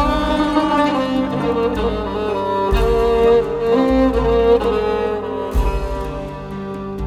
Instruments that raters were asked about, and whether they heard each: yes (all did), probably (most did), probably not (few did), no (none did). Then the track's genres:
saxophone: probably not
accordion: no
International; Middle East; Turkish